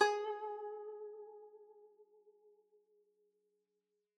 <region> pitch_keycenter=68 lokey=68 hikey=69 volume=16.710668 lovel=0 hivel=83 ampeg_attack=0.004000 ampeg_release=0.300000 sample=Chordophones/Zithers/Dan Tranh/Vibrato/G#3_vib_mf_1.wav